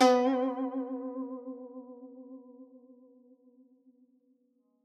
<region> pitch_keycenter=59 lokey=58 hikey=60 volume=3.784322 lovel=84 hivel=127 ampeg_attack=0.004000 ampeg_release=0.300000 sample=Chordophones/Zithers/Dan Tranh/Vibrato/B2_vib_ff_1.wav